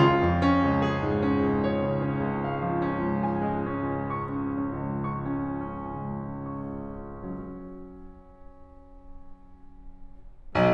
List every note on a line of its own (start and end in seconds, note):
0.00 0.80 F4
0.27 0.98 F2
0.44 1.16 C#4
0.66 1.36 C#2
0.80 1.50 G#4
0.99 1.50 G#2
1.16 1.88 C#4
1.36 1.88 C#2
1.50 2.46 C#5
1.70 2.46 C#3
1.88 2.84 C#4
2.19 2.84 C#2
2.46 3.32 F5
2.64 3.32 F3
2.86 3.70 C#4
3.09 3.70 C#2
3.32 4.08 G#5
3.49 4.08 G#3
3.70 4.54 C#4
3.88 4.54 C#2
4.08 4.90 C#6
4.30 4.90 C#4
4.55 5.31 C#4
4.74 5.31 C#2
4.90 5.80 C#6
5.10 5.80 C#4
5.32 6.35 C#4
5.55 6.35 C#2
5.80 7.78 C#6
6.35 10.74 F#3
6.35 10.74 C#4
10.58 10.74 B1